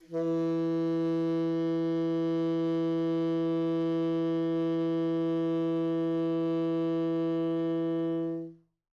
<region> pitch_keycenter=52 lokey=52 hikey=53 volume=16.934190 offset=3973 lovel=0 hivel=83 ampeg_attack=0.004000 ampeg_release=0.500000 sample=Aerophones/Reed Aerophones/Tenor Saxophone/Non-Vibrato/Tenor_NV_Main_E2_vl2_rr1.wav